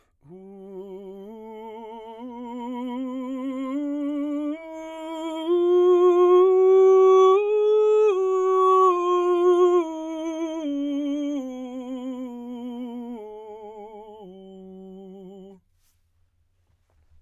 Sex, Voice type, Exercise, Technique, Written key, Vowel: male, baritone, scales, slow/legato forte, F major, u